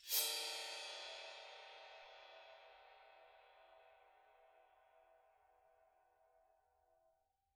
<region> pitch_keycenter=72 lokey=72 hikey=72 volume=15.000000 ampeg_attack=0.004000 ampeg_release=30 sample=Idiophones/Struck Idiophones/Suspended Cymbal 1/susCymb1_scrape_1.wav